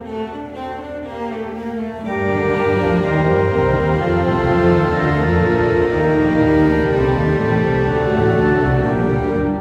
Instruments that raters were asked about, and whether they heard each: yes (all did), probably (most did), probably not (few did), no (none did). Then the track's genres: cello: yes
ukulele: no
Classical; Chamber Music